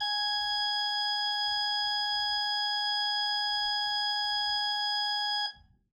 <region> pitch_keycenter=80 lokey=80 hikey=81 tune=-2 volume=6.196929 ampeg_attack=0.004000 ampeg_release=0.300000 amp_veltrack=0 sample=Aerophones/Edge-blown Aerophones/Renaissance Organ/Full/RenOrgan_Full_Room_G#4_rr1.wav